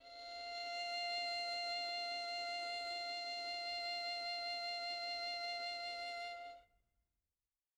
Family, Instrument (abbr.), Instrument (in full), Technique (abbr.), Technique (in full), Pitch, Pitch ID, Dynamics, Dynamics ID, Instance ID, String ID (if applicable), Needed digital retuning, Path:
Strings, Vn, Violin, ord, ordinario, F5, 77, mf, 2, 2, 3, FALSE, Strings/Violin/ordinario/Vn-ord-F5-mf-3c-N.wav